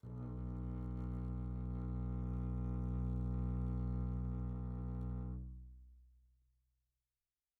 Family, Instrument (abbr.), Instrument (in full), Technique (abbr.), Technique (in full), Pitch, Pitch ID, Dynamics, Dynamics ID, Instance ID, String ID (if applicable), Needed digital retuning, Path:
Strings, Cb, Contrabass, ord, ordinario, B1, 35, pp, 0, 3, 4, FALSE, Strings/Contrabass/ordinario/Cb-ord-B1-pp-4c-N.wav